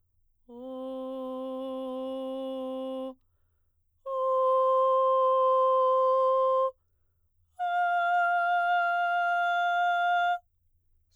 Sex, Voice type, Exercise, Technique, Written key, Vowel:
female, soprano, long tones, straight tone, , o